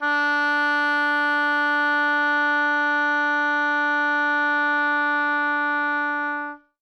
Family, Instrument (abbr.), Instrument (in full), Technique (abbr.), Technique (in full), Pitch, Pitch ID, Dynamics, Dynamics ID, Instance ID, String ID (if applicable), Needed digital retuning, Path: Winds, Ob, Oboe, ord, ordinario, D4, 62, ff, 4, 0, , FALSE, Winds/Oboe/ordinario/Ob-ord-D4-ff-N-N.wav